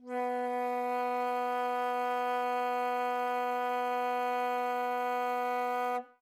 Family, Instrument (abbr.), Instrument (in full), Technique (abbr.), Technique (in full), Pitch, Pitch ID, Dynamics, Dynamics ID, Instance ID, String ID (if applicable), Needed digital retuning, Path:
Winds, Fl, Flute, ord, ordinario, B3, 59, ff, 4, 0, , FALSE, Winds/Flute/ordinario/Fl-ord-B3-ff-N-N.wav